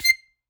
<region> pitch_keycenter=96 lokey=95 hikey=98 tune=1 volume=5.399755 seq_position=1 seq_length=2 ampeg_attack=0.004000 ampeg_release=0.300000 sample=Aerophones/Free Aerophones/Harmonica-Hohner-Special20-F/Sustains/Stac/Hohner-Special20-F_Stac_C6_rr1.wav